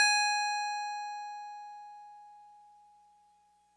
<region> pitch_keycenter=92 lokey=91 hikey=94 volume=10.191886 lovel=100 hivel=127 ampeg_attack=0.004000 ampeg_release=0.100000 sample=Electrophones/TX81Z/FM Piano/FMPiano_G#5_vl3.wav